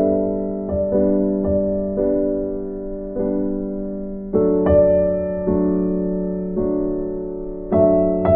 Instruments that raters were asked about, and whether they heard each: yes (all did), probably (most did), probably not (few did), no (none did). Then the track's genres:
trombone: no
voice: no
piano: yes
mallet percussion: no
trumpet: no
Soundtrack; Ambient Electronic; Ambient; Minimalism